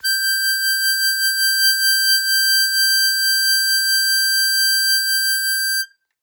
<region> pitch_keycenter=91 lokey=90 hikey=93 tune=-1 volume=5.561965 trigger=attack ampeg_attack=0.1 ampeg_release=0.100000 sample=Aerophones/Free Aerophones/Harmonica-Hohner-Super64/Sustains/Vib/Hohner-Super64_Vib_G5.wav